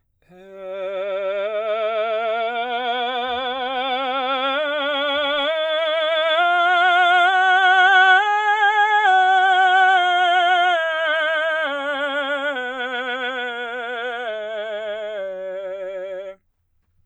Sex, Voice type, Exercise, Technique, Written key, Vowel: male, baritone, scales, slow/legato forte, F major, e